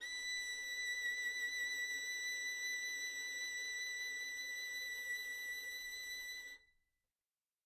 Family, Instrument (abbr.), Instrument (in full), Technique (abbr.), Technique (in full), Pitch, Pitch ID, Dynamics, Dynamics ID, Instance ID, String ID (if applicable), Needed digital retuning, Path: Strings, Vn, Violin, ord, ordinario, B6, 95, mf, 2, 0, 1, TRUE, Strings/Violin/ordinario/Vn-ord-B6-mf-1c-T15d.wav